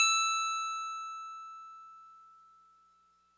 <region> pitch_keycenter=100 lokey=99 hikey=102 volume=10.139753 lovel=100 hivel=127 ampeg_attack=0.004000 ampeg_release=0.100000 sample=Electrophones/TX81Z/FM Piano/FMPiano_E6_vl3.wav